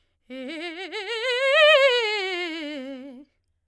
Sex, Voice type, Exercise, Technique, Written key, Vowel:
female, soprano, scales, fast/articulated forte, C major, e